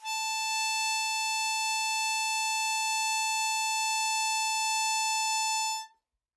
<region> pitch_keycenter=81 lokey=80 hikey=82 volume=11.753415 trigger=attack ampeg_attack=0.004000 ampeg_release=0.100000 sample=Aerophones/Free Aerophones/Harmonica-Hohner-Special20-F/Sustains/Normal/Hohner-Special20-F_Normal_A4.wav